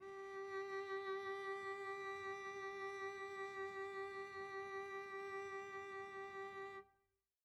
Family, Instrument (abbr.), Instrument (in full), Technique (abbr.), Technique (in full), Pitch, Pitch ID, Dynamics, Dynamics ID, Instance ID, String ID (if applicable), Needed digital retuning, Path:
Strings, Vc, Cello, ord, ordinario, G4, 67, pp, 0, 1, 2, FALSE, Strings/Violoncello/ordinario/Vc-ord-G4-pp-2c-N.wav